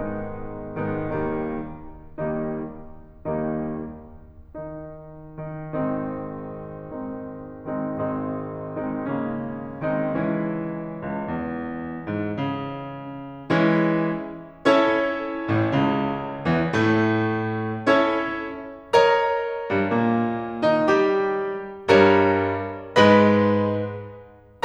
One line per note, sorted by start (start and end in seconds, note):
0.00 0.82 G#2
0.00 0.82 D#3
0.00 0.82 G#3
0.00 0.82 B3
0.00 0.82 D#4
0.84 1.06 G#2
0.84 1.06 D#3
0.84 1.06 G#3
0.84 1.06 B3
0.84 1.06 D#4
1.07 2.16 D#2
1.07 2.16 D#3
1.07 2.16 G3
1.07 2.16 A#3
1.07 2.16 D#4
2.17 3.25 D#2
2.17 3.25 D#3
2.17 3.25 G3
2.17 3.25 A#3
2.17 3.25 D#4
3.26 4.67 D#2
3.26 4.67 D#3
3.26 4.67 G3
3.26 4.67 A#3
3.26 4.67 D#4
4.67 5.39 D#3
4.67 5.39 D#4
5.43 5.91 D#3
5.43 5.91 D#4
5.91 7.96 G#1
5.91 10.14 G#2
5.91 6.77 D#3
5.91 6.77 G#3
5.91 6.77 C4
5.91 6.77 D#4
6.78 7.65 D#3
6.78 7.65 G#3
6.78 7.65 C4
6.78 7.65 D#4
7.66 7.96 D#3
7.66 7.96 G#3
7.66 7.96 C4
7.66 7.96 D#4
7.96 10.14 G#1
7.96 8.86 D#3
7.96 8.86 G#3
7.96 8.86 C4
7.96 8.86 D#4
8.86 9.06 D#3
8.86 9.06 G#3
8.86 9.06 C4
8.86 9.06 D#4
9.07 9.83 C#3
9.07 9.83 G#3
9.07 9.83 A#3
9.07 9.83 C#4
9.86 10.14 D#3
9.86 10.14 G#3
9.86 10.14 C4
9.86 10.14 D#4
10.16 10.99 C#2
10.16 13.57 E3
10.16 13.57 G#3
10.16 13.57 C#4
10.16 13.57 E4
11.01 11.28 C#2
11.28 12.10 E2
12.10 12.38 G#2
12.46 13.57 C#3
13.57 14.58 E3
13.57 14.58 G#3
13.57 14.58 C#4
13.57 14.58 E4
14.59 17.86 C#4
14.59 17.86 E4
14.59 17.86 A4
14.59 17.86 C#5
15.48 15.72 A1
15.48 15.72 A2
15.74 16.49 C#2
15.74 16.49 C#3
16.49 16.71 E2
16.49 16.71 E3
16.71 17.86 A2
16.71 17.86 A3
17.87 18.91 C#4
17.87 18.91 E4
17.87 18.91 A4
17.87 18.91 C#5
18.91 21.87 A#4
18.91 21.87 C#5
18.91 21.87 D#5
18.91 21.87 A#5
19.73 19.91 G2
19.73 19.91 G3
19.92 20.65 A#2
19.92 20.65 A#3
20.67 20.87 D#3
20.67 20.87 D#4
20.87 21.87 G3
20.87 21.87 G4
21.88 22.93 G2
21.88 22.93 G3
21.88 22.93 A#4
21.88 22.93 C#5
21.88 22.93 D#5
21.88 22.93 A#5
22.94 24.64 G#2
22.94 24.64 G#3
22.94 24.64 B4
22.94 24.64 D#5
22.94 24.64 B5